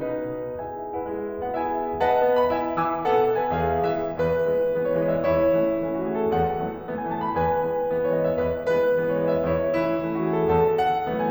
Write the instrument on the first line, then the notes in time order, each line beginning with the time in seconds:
piano
0.01 B2 D#4 B4
0.61 E4 G#4 E5 G#5
0.92 B3 F#4 B4 F#5
1.04 G#3 E4 G#4 E5
1.45 B3 F#4 B4 F#5
1.56 E4 G#4 E5 G#5
2.03 B4 D#5 F#5 A5
2.28 B3
2.40 B5
2.54 E4 E5 G#5
2.79 E3 G#5 E6
3.05 B3 A4 F#5
3.30 B2
3.42 B4 G#5
3.54 E2 G#4 E5
3.88 E3 G#3 B3 E5
4.16 E2 B4
4.41 E3 G#3 B3
4.64 E3 G#3 B3
4.81 C#5
4.94 E3 G#3 B3 D#5
5.13 E5
5.24 E2 E4 C#5
5.52 E3 A3 C#4
5.82 E3 A3 C#4
6.02 F#4
6.17 E3 A3 C#4 G#4
6.30 A4
6.43 E2 F#5
6.62 E3 F#3 A3 B3
6.87 E3 F#3 A3 B3
6.99 G#5
7.10 E3 F#3 A3 B3 A5
7.22 B5
7.33 E2 B4 G#5
7.62 E3 G#3 B3
7.92 E3 G#3 B3
8.04 C#5
8.18 E3 G#3 B3 D#5
8.31 E5
8.45 E2 B4
8.69 E3 G#3 B3 B4
8.99 E3 G#3 B3
9.11 C#5
9.21 E3 G#3 B3 D#5
9.31 E5
9.42 E2 E4 C#5
9.72 E3 A3 C#4 E4
10.00 E3 A3 C#4
10.12 F#4
10.27 E3 A3 C#4 G#4
10.37 A4
10.50 E2 A4 F#5
10.81 E3 F#3 A3 B3 F#5
11.08 E3 F#3 A3 B3
11.17 G#5